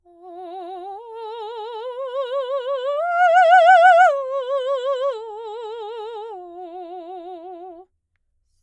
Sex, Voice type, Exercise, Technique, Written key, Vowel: female, soprano, arpeggios, slow/legato piano, F major, o